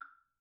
<region> pitch_keycenter=60 lokey=60 hikey=60 volume=19.123732 offset=145 lovel=0 hivel=54 seq_position=1 seq_length=3 ampeg_attack=0.004000 ampeg_release=30.000000 sample=Idiophones/Struck Idiophones/Woodblock/wood_click_pp_rr1.wav